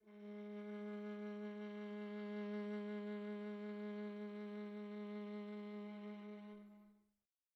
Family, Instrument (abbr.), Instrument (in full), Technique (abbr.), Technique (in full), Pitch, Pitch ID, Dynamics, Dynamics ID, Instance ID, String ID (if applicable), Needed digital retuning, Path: Strings, Va, Viola, ord, ordinario, G#3, 56, pp, 0, 3, 4, TRUE, Strings/Viola/ordinario/Va-ord-G#3-pp-4c-T18u.wav